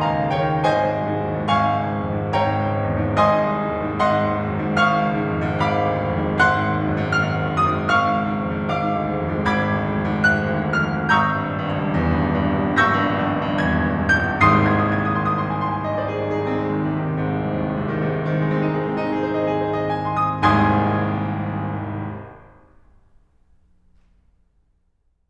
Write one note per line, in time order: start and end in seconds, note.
0.00 0.29 C#2
0.00 0.30 F5
0.00 0.30 G#5
0.00 0.66 A#5
0.13 0.46 C#3
0.30 0.66 D#2
0.30 0.66 C#5
0.30 0.66 G5
0.46 0.82 D#3
0.67 0.96 G#1
0.67 1.52 C5
0.67 1.52 D#5
0.67 1.52 G#5
0.84 1.07 G#2
0.96 1.17 C2
1.08 1.34 G#2
1.18 1.52 D#2
1.34 1.70 G#2
1.52 1.86 G#1
1.52 2.35 F5
1.52 2.35 G#5
1.52 2.35 C#6
1.71 1.95 G#2
1.86 2.10 C#2
1.96 2.25 G#2
2.10 2.36 F2
2.26 2.47 G#2
2.36 2.55 G#1
2.36 3.16 C#5
2.36 3.16 G5
2.36 3.16 A#5
2.47 2.68 G#2
2.57 2.79 C#2
2.68 2.89 G#2
2.80 3.16 E2
2.91 3.39 G#2
3.16 3.52 G#1
3.16 3.99 D#5
3.16 3.99 G#5
3.16 3.99 C6
3.16 3.99 D#6
3.39 3.63 G#2
3.53 3.74 C2
3.63 3.84 G#2
3.74 3.99 D#2
3.84 4.12 G#2
4.01 4.25 G#1
4.01 4.73 D#5
4.01 4.73 F#5
4.01 4.73 C6
4.13 4.35 G#2
4.26 4.52 D#2
4.37 4.61 G#2
4.52 4.73 F#2
4.62 4.85 G#2
4.74 4.99 G#1
4.74 5.60 F5
4.74 5.60 C#6
4.74 5.60 F6
4.88 5.13 G#2
4.99 5.35 C#2
5.15 5.49 G#2
5.36 5.60 F2
5.49 5.71 G#2
5.60 5.86 G#1
5.60 6.36 F5
5.60 6.36 B5
5.60 6.36 D6
5.71 5.97 G#2
5.87 6.13 C#2
5.98 6.22 G#2
6.13 6.36 E2
6.22 6.51 G#2
6.37 6.62 G#1
6.37 7.92 F#5
6.37 7.92 C6
6.37 7.06 F#6
6.52 6.73 G#2
6.63 6.84 D#2
6.73 6.94 G#2
6.85 7.05 F#2
6.95 7.19 G#2
7.06 7.31 G#1
7.06 7.53 F6
7.20 7.42 G#2
7.31 7.52 D#2
7.43 7.77 G#2
7.53 7.92 F#2
7.53 7.92 D#6
7.77 8.05 G#2
7.92 8.16 G#1
7.92 8.68 F5
7.92 8.68 C#6
7.92 9.46 F6
8.07 8.27 G#2
8.17 8.38 C#2
8.28 8.49 G#2
8.38 8.68 F2
8.52 8.81 G#2
8.70 8.94 G#1
8.70 9.46 F5
8.70 9.46 D6
8.81 9.04 G#2
8.94 9.18 D2
9.04 9.32 G#2
9.20 9.46 F2
9.32 9.59 G#2
9.46 9.68 G#1
9.46 11.12 B5
9.46 11.12 D6
9.46 10.22 G#6
9.59 9.79 G#2
9.69 9.94 D2
9.80 10.11 G#2
10.00 10.22 F2
10.11 10.34 G#2
10.22 10.54 G#1
10.22 10.86 F#6
10.36 10.67 G#2
10.55 10.86 D2
10.67 10.99 G#2
10.87 11.12 F2
10.87 11.12 F6
10.99 11.12 G#2
11.12 11.28 G#1
11.12 12.78 A#5
11.12 12.78 C#6
11.12 12.78 E6
11.12 12.78 G6
11.31 11.42 G2
11.42 11.55 A#1
11.55 11.66 G2
11.67 11.77 C#2
11.77 11.92 G2
11.92 12.04 E2
12.05 12.16 G2
12.16 12.28 C#2
12.29 12.42 G2
12.38 12.54 A#1
12.57 12.78 G2
12.79 12.91 G#1
12.79 14.40 C#6
12.79 14.40 E6
12.79 13.57 G6
12.79 13.57 A#6
12.92 13.05 G2
13.05 13.18 A#1
13.19 13.33 G2
13.34 13.44 C#2
13.44 13.57 G2
13.58 13.76 E2
13.58 14.11 G#6
13.76 13.87 G2
13.87 13.99 C#2
13.99 14.11 G2
14.08 14.20 A#1
14.08 14.40 G6
14.25 14.40 G2
14.41 15.00 G#1
14.41 15.00 C2
14.41 15.00 D#2
14.41 15.00 G#2
14.41 14.86 C6
14.41 14.86 C7
14.55 14.86 G#6
14.73 14.86 D#6
14.86 15.00 G#6
15.00 15.12 D#6
15.23 15.34 D#6
15.34 15.45 C6
15.57 15.72 C6
15.72 15.84 G#5
15.84 16.24 D#5
15.99 16.35 C5
16.35 16.45 G#4
16.45 16.56 D#4
16.57 16.96 C4
16.68 17.07 G#3
17.08 17.18 D#3
17.21 17.31 C3
17.31 17.62 G#2
17.41 17.75 G#1
17.52 17.87 C2
17.65 17.98 D#2
17.75 18.09 G#2
17.87 18.19 C3
17.98 18.31 D#3
18.10 18.43 G#2
18.20 18.55 C3
18.31 18.69 D#3
18.43 18.83 G#3
18.59 18.97 C4
18.70 19.08 D#4
18.83 19.18 G#3
18.97 19.30 C4
19.08 19.39 D#4
19.19 19.55 G#4
19.30 19.67 C5
19.39 19.77 D#5
19.55 19.90 G#4
19.68 20.02 C5
19.78 20.14 D#5
19.90 20.21 G#5
20.02 20.27 C6
20.15 20.28 D#6
20.28 22.30 G#1
20.28 22.30 C2
20.28 22.30 D#2
20.28 22.30 G#2
20.28 22.30 G#5
20.28 22.30 C6
20.28 22.30 D#6
20.28 22.30 G#6